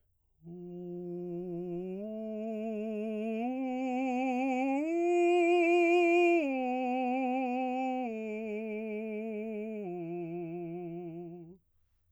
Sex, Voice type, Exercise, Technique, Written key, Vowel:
male, baritone, arpeggios, slow/legato piano, F major, u